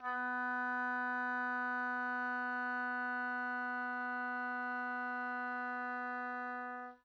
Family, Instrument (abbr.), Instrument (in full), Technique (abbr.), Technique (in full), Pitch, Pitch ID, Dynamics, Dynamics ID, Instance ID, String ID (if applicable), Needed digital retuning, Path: Winds, Ob, Oboe, ord, ordinario, B3, 59, pp, 0, 0, , FALSE, Winds/Oboe/ordinario/Ob-ord-B3-pp-N-N.wav